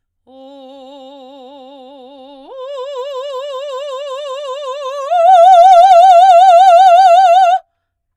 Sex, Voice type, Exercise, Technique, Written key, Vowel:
female, soprano, long tones, full voice forte, , o